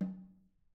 <region> pitch_keycenter=60 lokey=60 hikey=60 volume=21.859782 offset=206 lovel=0 hivel=65 seq_position=2 seq_length=2 ampeg_attack=0.004000 ampeg_release=15.000000 sample=Membranophones/Struck Membranophones/Snare Drum, Modern 2/Snare3M_HitNS_v2_rr2_Mid.wav